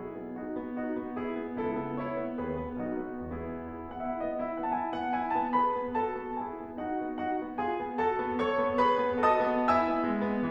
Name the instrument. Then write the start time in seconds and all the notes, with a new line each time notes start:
piano
0.00 B1 E4 G#4
0.22 B3
0.38 D#4 F#4
0.58 B3
0.81 D#4 F#4
1.00 B3
1.20 E4 G#4
1.40 B3
1.60 C#2 E4 A4
1.78 B3
2.02 E4 C#5
2.23 B3
2.45 D#2 F#4 B4
2.62 B3
2.80 B1 D#4 F#4
3.08 B3
3.26 E2 B3 E4 G#4
3.66 E4
3.88 B3
4.03 E4 F#5
4.09 E5
4.21 B3 D#5
4.38 E4 E5
4.55 B3 F#5
4.74 E4 A5
4.78 G#5
4.92 B3 F#5
5.15 E4 G#5
5.35 B3 A5
5.56 G#4 B4 B5
5.77 B3
5.99 F#4 A4 A5
6.19 B3
6.42 E4 G#4 G#5
6.62 B3
6.79 D#4 F#4 F#5
7.04 B3
7.26 D#4 F#4 F#5
7.45 B3
7.60 F4 G#4 G#5
7.80 B3
8.00 F#4 A4 A5
8.17 B3
8.38 A4 C#5 C#6
8.60 B3
8.84 G#4 B4 B5
9.02 B3
9.23 F#4 D#5 A5 D#6
9.45 B3
9.68 E4 E5 G#5 E6
9.93 B3
10.16 G#3
10.36 B3